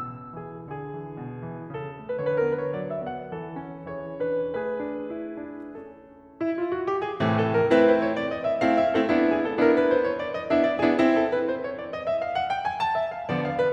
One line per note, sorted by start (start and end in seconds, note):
0.00 0.35 B2
0.00 0.35 E6
0.35 0.65 E3
0.35 0.55 G#4
0.66 0.93 D3
0.66 1.70 G#4
0.93 1.18 E3
1.18 1.44 B2
1.45 1.70 E3
1.70 1.97 C#3
1.70 2.15 A4
1.97 2.15 A3
2.16 2.48 D3
2.16 2.30 B4
2.30 2.48 B4
2.30 2.38 C#5
2.38 2.54 A#4
2.48 2.77 B3
2.48 2.65 B4
2.66 2.77 C#5
2.77 3.01 F#3
2.77 2.93 D5
2.93 3.10 E5
3.02 3.32 B3
3.11 3.32 F#5
3.33 3.61 E3
3.33 3.87 A4
3.61 3.87 C#4
3.88 4.14 E3
3.88 4.56 G#4
3.88 4.14 C#5
4.16 4.56 D4
4.16 4.56 B4
4.56 6.71 A3
4.56 5.90 G#4
4.56 5.90 B4
4.83 5.14 D4
5.15 5.51 E4
5.51 5.90 D4
5.96 6.26 A4
6.27 6.43 E4
6.43 6.71 F4
6.71 6.88 F#4
6.88 7.04 G4
7.05 7.19 G#4
7.20 7.72 A2
7.20 7.72 C3
7.20 7.72 E3
7.20 7.72 A3
7.35 7.58 A4
7.58 7.72 A#4
7.73 8.23 A3
7.73 8.23 C4
7.73 8.23 E4
7.73 7.87 B4
7.88 8.06 C5
8.06 8.23 C#5
8.23 8.39 D5
8.39 8.52 D#5
8.52 8.61 E5
8.63 9.01 A3
8.63 9.01 C4
8.63 9.01 E4
8.63 8.78 F5
8.78 8.99 E5
8.99 9.11 A3
8.99 9.11 C4
8.99 9.11 E4
8.99 9.11 A4
9.11 9.58 B3
9.11 9.58 D4
9.11 9.58 E4
9.30 9.44 G#4
9.45 9.58 A4
9.58 10.09 B3
9.58 10.09 D4
9.58 10.09 E4
9.58 9.72 A#4
9.72 9.91 B4
9.94 10.09 C5
10.10 10.24 C#5
10.24 10.36 D5
10.36 10.50 D#5
10.50 10.83 B3
10.50 10.83 D4
10.50 10.83 E4
10.50 10.63 E5
10.65 10.79 D5
10.80 10.95 B3
10.80 10.95 D4
10.80 10.95 E4
10.80 10.95 G#4
10.95 11.48 C4
10.95 11.48 E4
11.13 11.32 A4
11.33 11.48 B4
11.49 11.64 C5
11.64 11.76 C#5
11.76 11.92 D5
11.92 12.09 D#5
12.10 12.24 E5
12.24 12.38 F5
12.38 12.50 F#5
12.50 12.65 G5
12.67 12.81 G#5
12.82 12.96 A5
12.96 13.15 E5
13.15 13.29 F5
13.29 13.73 D3
13.29 13.73 F3
13.29 13.73 B3
13.29 13.42 D5
13.43 13.57 F5
13.58 13.73 B4